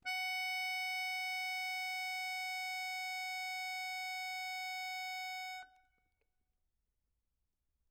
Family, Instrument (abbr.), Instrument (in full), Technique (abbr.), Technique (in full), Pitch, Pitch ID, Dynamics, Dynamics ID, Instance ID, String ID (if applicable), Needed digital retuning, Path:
Keyboards, Acc, Accordion, ord, ordinario, F#5, 78, mf, 2, 1, , FALSE, Keyboards/Accordion/ordinario/Acc-ord-F#5-mf-alt1-N.wav